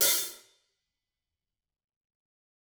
<region> pitch_keycenter=43 lokey=43 hikey=43 volume=9.953157 offset=185 seq_position=1 seq_length=2 ampeg_attack=0.004000 ampeg_release=30.000000 sample=Idiophones/Struck Idiophones/Hi-Hat Cymbal/HiHat_HitLoose_rr1_Mid.wav